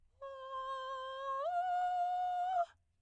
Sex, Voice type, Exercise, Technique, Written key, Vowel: female, soprano, long tones, inhaled singing, , a